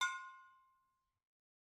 <region> pitch_keycenter=61 lokey=61 hikey=61 volume=16.845433 offset=264 lovel=0 hivel=65 ampeg_attack=0.004000 ampeg_release=10.000000 sample=Idiophones/Struck Idiophones/Brake Drum/BrakeDrum1_Hammer_v1_rr1_Mid.wav